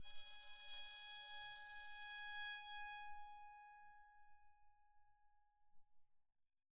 <region> pitch_keycenter=80 lokey=80 hikey=81 tune=-1 volume=18.283098 ampeg_attack=0.004000 ampeg_release=2.000000 sample=Chordophones/Zithers/Psaltery, Bowed and Plucked/LongBow/BowedPsaltery_G#4_Main_LongBow_rr1.wav